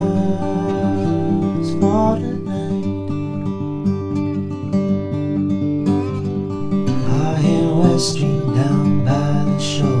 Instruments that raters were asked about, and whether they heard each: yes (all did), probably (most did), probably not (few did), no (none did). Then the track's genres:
flute: no
trumpet: no
guitar: yes
Folk; Electroacoustic; Singer-Songwriter